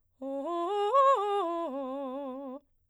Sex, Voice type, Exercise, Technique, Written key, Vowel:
female, soprano, arpeggios, fast/articulated piano, C major, o